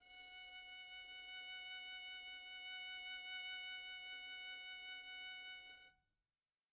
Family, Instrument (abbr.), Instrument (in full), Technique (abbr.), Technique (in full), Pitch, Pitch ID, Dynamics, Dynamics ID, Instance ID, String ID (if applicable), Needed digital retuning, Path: Strings, Vn, Violin, ord, ordinario, F#5, 78, pp, 0, 0, 1, FALSE, Strings/Violin/ordinario/Vn-ord-F#5-pp-1c-N.wav